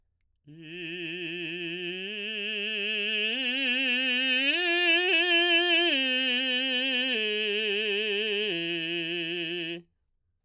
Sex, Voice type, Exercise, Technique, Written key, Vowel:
male, baritone, arpeggios, slow/legato forte, F major, i